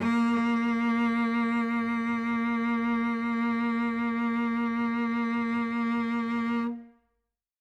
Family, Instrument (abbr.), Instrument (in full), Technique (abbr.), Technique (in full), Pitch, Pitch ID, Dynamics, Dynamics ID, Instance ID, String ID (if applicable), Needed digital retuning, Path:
Strings, Vc, Cello, ord, ordinario, A#3, 58, ff, 4, 3, 4, FALSE, Strings/Violoncello/ordinario/Vc-ord-A#3-ff-4c-N.wav